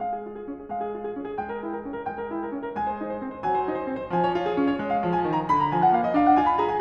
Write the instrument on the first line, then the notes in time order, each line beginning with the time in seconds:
piano
0.00 G#3 F5
0.14 G#4
0.24 F4
0.35 G#4
0.48 C#4
0.59 G#4
0.72 G#3 F5
0.84 G#4
0.92 F4
1.02 G#4
1.13 C#4
1.23 G#4
1.39 G#3 G5
1.51 A#4
1.63 E4
1.70 A#4
1.79 C#4
1.94 A#4
2.04 G#3 G5
2.18 A#4
2.30 E4
2.43 A#4
2.54 C#4
2.67 A#4
2.77 G#3 G#5
2.87 C5
2.98 D#4
3.10 C5
3.20 C4
3.31 C5
3.45 F#3 G#5
3.58 C5
3.69 D#4
3.78 C5
3.90 C4
3.97 C5
4.11 F3 G#5
4.24 C#5
4.34 F4
4.47 G#4
4.55 C#4
4.68 C#5
4.79 G#3
4.92 F5
5.04 F3
5.12 G#5
5.25 D#3
5.36 A#5
5.49 D3 B5
5.62 A#5
5.71 F3 G#5
5.79 F#5
5.93 A#3 F5
6.04 D#5
6.13 D4 F5
6.27 F#5
6.39 F4 G#5
6.51 B5
6.58 G#4 A#5
6.71 G#5